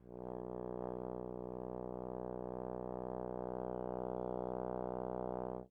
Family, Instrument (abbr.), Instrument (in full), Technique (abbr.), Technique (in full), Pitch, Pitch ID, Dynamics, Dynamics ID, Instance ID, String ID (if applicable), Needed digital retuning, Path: Brass, Tbn, Trombone, ord, ordinario, B1, 35, mf, 2, 0, , TRUE, Brass/Trombone/ordinario/Tbn-ord-B1-mf-N-T14d.wav